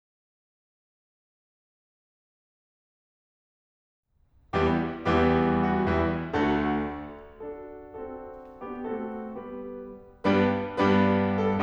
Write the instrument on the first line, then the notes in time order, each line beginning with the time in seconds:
piano
4.16 E2 E3 G3 B3 E4 G4
4.91 E2 E3 G3 B3 E4 G4
5.56 F#4
5.78 E2 E3 E4
6.47 D2 D3 A3 F#4 A4
7.50 D4 F#4 A4
7.99 C4 D4 F#4 A4
8.63 B3 D4 G4
8.85 A3 C4 F#4 A4
9.28 G3 B3 G4 B4
10.11 G2 G3 B3 D4 G4 B4
10.51 G2 G3 B3 D4 G4 B4
11.35 A4